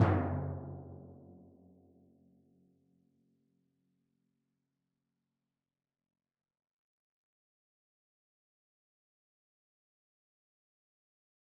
<region> pitch_keycenter=42 lokey=41 hikey=44 tune=-66 volume=11.393867 lovel=100 hivel=127 seq_position=1 seq_length=2 ampeg_attack=0.004000 ampeg_release=30.000000 sample=Membranophones/Struck Membranophones/Timpani 1/Hit/Timpani1_Hit_v4_rr1_Sum.wav